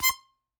<region> pitch_keycenter=84 lokey=83 hikey=86 tune=11 volume=5.889447 seq_position=1 seq_length=2 ampeg_attack=0.004000 ampeg_release=0.300000 sample=Aerophones/Free Aerophones/Harmonica-Hohner-Special20-F/Sustains/Stac/Hohner-Special20-F_Stac_C5_rr1.wav